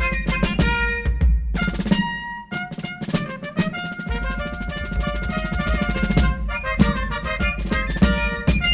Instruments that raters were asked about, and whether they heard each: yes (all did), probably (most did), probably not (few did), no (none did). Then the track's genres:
organ: no
accordion: no
clarinet: probably not
trumpet: probably
saxophone: no
Classical; Americana